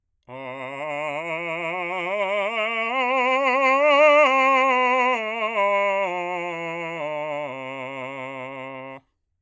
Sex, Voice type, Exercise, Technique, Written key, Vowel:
male, bass, scales, vibrato, , a